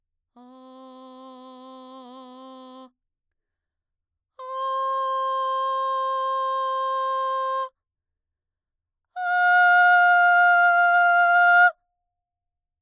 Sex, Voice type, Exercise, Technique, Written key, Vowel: female, mezzo-soprano, long tones, straight tone, , a